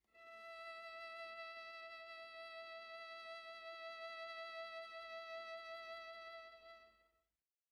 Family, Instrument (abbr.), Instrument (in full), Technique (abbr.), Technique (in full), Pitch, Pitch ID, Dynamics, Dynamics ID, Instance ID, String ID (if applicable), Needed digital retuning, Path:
Strings, Va, Viola, ord, ordinario, E5, 76, pp, 0, 0, 1, TRUE, Strings/Viola/ordinario/Va-ord-E5-pp-1c-T18u.wav